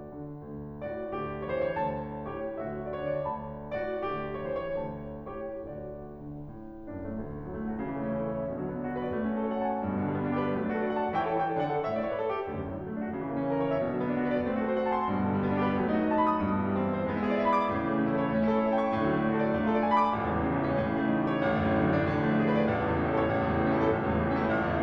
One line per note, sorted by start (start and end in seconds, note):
0.00 0.38 D3
0.38 0.88 D2
0.89 1.16 A2
0.89 1.16 F#4
0.89 1.49 D5
1.16 1.58 D2
1.16 2.02 G4
1.49 1.58 C#5
1.58 1.76 E3
1.58 1.66 B4
1.66 1.76 C#5
1.76 2.36 D2
1.76 2.02 A5
2.37 2.55 A2
2.37 2.55 G4
2.37 2.55 C#5
2.57 3.04 D2
2.57 3.53 F#4
2.57 2.91 E5
2.91 3.04 D5
3.04 3.25 D3
3.04 3.13 C#5
3.13 3.25 D5
3.25 3.73 D2
3.25 3.53 A5
3.74 4.01 A2
3.74 4.01 F#4
3.74 4.41 D5
4.02 4.50 D2
4.02 5.00 G4
4.41 4.50 C#5
4.50 4.81 E3
4.50 4.62 B4
4.62 4.81 C#5
4.81 5.36 D2
4.81 5.00 A5
5.36 5.63 A2
5.36 5.63 G4
5.36 5.63 C#5
5.64 6.21 D2
5.64 6.21 F#4
5.64 6.21 D5
6.21 6.43 D3
6.43 6.88 A2
6.88 7.15 F#2
6.88 7.01 D4
7.01 7.15 A3
7.15 7.30 D2
7.31 7.41 F#2
7.41 7.49 A2
7.41 7.49 F#3
7.50 7.58 D3
7.50 7.58 A3
7.59 7.70 D4
7.70 7.78 F#4
7.78 7.87 C#3
7.87 7.96 E3
7.96 8.05 A3
7.96 8.05 E4
8.05 8.14 C#4
8.05 8.14 A4
8.14 8.24 C#5
8.24 8.37 E5
8.37 8.46 B2
8.46 8.58 D3
8.59 8.67 F#3
8.59 8.67 D4
8.70 8.84 B3
8.70 8.84 F#4
8.88 8.99 B4
9.00 9.15 D5
9.17 9.26 A3
9.26 9.42 C#4
9.42 9.51 F#4
9.42 9.51 C#5
9.51 9.60 A4
9.51 9.60 F#5
9.60 9.69 A5
9.69 9.80 C#6
9.80 9.90 G2
9.90 10.02 B2
10.02 10.11 D3
10.02 10.11 B3
10.11 10.22 G3
10.11 10.22 D4
10.23 10.31 G4
10.32 10.43 B4
10.44 10.52 F#3
10.54 10.65 A3
10.65 10.76 D4
10.65 10.76 A4
10.76 10.86 F#4
10.76 10.86 D5
10.86 10.98 F#5
10.98 11.18 A5
11.18 11.37 E3
11.18 11.37 E4
11.18 11.28 C#5
11.18 11.28 G5
11.28 11.37 A4
11.37 11.56 E3
11.37 11.56 E4
11.37 11.46 C#5
11.37 11.46 G5
11.46 11.56 A4
11.56 11.76 D3
11.56 11.76 D4
11.56 11.66 D5
11.56 11.66 F#5
11.67 11.76 A4
11.76 12.14 A2
11.76 12.14 A3
11.76 11.84 C#5
11.76 11.84 E5
11.85 11.95 D5
11.96 12.05 C#5
12.05 12.14 B4
12.14 12.25 A4
12.25 12.36 G4
12.36 12.46 D2
12.46 12.63 F#2
12.63 12.76 A2
12.63 12.76 F#3
12.76 12.86 D3
12.76 12.86 A3
12.86 13.00 D4
13.00 13.11 F#4
13.12 13.21 C#3
13.22 13.31 E3
13.32 13.41 A#3
13.32 13.41 E4
13.42 13.56 C#4
13.42 13.56 A#4
13.57 13.69 C#5
13.69 13.78 E5
13.78 13.87 B2
13.87 13.97 D3
13.97 14.06 F#3
13.97 14.06 D4
14.06 14.22 B3
14.06 14.22 F#4
14.22 14.34 B4
14.34 14.43 D5
14.43 14.55 A3
14.55 14.68 C4
14.69 14.76 F#4
14.69 14.76 C5
14.77 14.86 A4
14.77 14.86 F#5
14.87 14.94 A5
14.98 15.08 C6
15.08 15.19 G2
15.19 15.29 B2
15.29 15.39 D3
15.29 15.39 B3
15.39 15.49 G3
15.39 15.49 D4
15.49 15.59 G4
15.59 15.72 B4
15.72 15.81 F#3
15.81 15.91 A3
15.91 16.06 D#4
15.91 16.06 D#5
16.08 16.15 F#4
16.08 16.15 A5
16.16 16.28 B5
16.29 16.39 D#6
16.40 16.50 G2
16.50 16.63 B2
16.63 16.73 E3
16.63 16.73 E4
16.73 16.83 G3
16.73 16.83 G4
16.83 16.97 B4
16.97 17.06 E5
17.06 17.16 G#3
17.16 17.25 B3
17.25 17.36 E4
17.25 17.36 D5
17.36 17.45 G#4
17.36 17.45 E5
17.48 17.58 B5
17.59 17.73 D6
17.74 17.81 A2
17.82 17.88 C#3
17.89 18.00 E3
17.89 18.00 C#4
18.00 18.09 A3
18.00 18.09 E4
18.09 18.17 A4
18.17 18.31 C#5
18.31 18.41 A3
18.41 18.52 C#4
18.52 18.61 E4
18.52 18.61 C#5
18.61 18.70 A4
18.61 18.70 E5
18.70 18.80 A5
18.80 18.89 C#6
18.90 18.98 A2
18.99 19.09 D3
19.10 19.20 F#3
19.10 19.20 D4
19.20 19.28 A3
19.20 19.28 F#4
19.28 19.38 A4
19.38 19.47 D5
19.47 19.60 A3
19.60 19.70 D4
19.70 19.82 F4
19.70 19.82 D5
19.82 19.91 A4
19.82 19.91 G#5
19.91 20.03 B5
20.03 20.17 D6
20.17 20.26 A1
20.27 20.35 C#2
20.36 20.46 E2
20.36 20.46 C#3
20.47 20.55 A2
20.47 20.55 E3
20.56 20.65 A3
20.67 20.78 C#4
20.78 20.89 A2
20.89 21.04 C#3
21.04 21.14 E3
21.04 21.14 C#4
21.14 21.26 A3
21.14 21.26 E4
21.26 21.34 A4
21.34 21.41 C#5
21.41 21.49 A1
21.49 21.62 D2
21.65 21.76 F#2
21.65 21.76 D3
21.78 21.86 A2
21.78 21.86 F#3
21.87 21.97 A3
21.98 22.06 D4
22.07 22.15 A2
22.15 22.24 D3
22.24 22.34 F3
22.24 22.34 D4
22.34 22.42 A3
22.34 22.42 G#4
22.42 22.51 B4
22.51 22.60 D5
22.60 22.71 A1
22.72 22.80 D2
22.80 22.94 F#2
22.80 22.94 C#4
22.94 23.03 A2
22.94 23.03 E4
23.05 23.14 A4
23.14 23.23 C#5
23.23 23.32 A1
23.34 23.45 D2
23.45 23.53 F#2
23.45 23.53 A3
23.53 23.63 A2
23.53 23.63 C#4
23.64 23.72 E4
23.72 23.81 A4
23.81 23.89 A1
23.89 23.97 D2
23.99 24.09 F#2
23.99 24.09 E3
24.09 24.18 A2
24.09 24.18 A3
24.20 24.29 C#4
24.29 24.39 E4
24.39 24.54 A1
24.54 24.71 D2
24.71 24.82 F#2
24.71 24.82 C#3